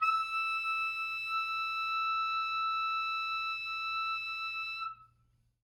<region> pitch_keycenter=88 lokey=86 hikey=89 tune=1 volume=10.851855 lovel=0 hivel=83 ampeg_attack=0.004000 ampeg_release=0.500000 sample=Aerophones/Reed Aerophones/Saxello/Non-Vibrato/Saxello_SusNV_MainSpirit_E5_vl2_rr2.wav